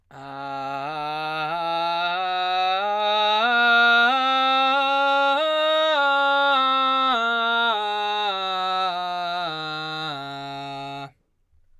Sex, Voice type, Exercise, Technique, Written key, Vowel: male, baritone, scales, belt, , a